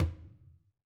<region> pitch_keycenter=64 lokey=64 hikey=64 volume=20.249931 lovel=100 hivel=127 seq_position=1 seq_length=2 ampeg_attack=0.004000 ampeg_release=15.000000 sample=Membranophones/Struck Membranophones/Conga/Tumba_HitFM_v4_rr1_Sum.wav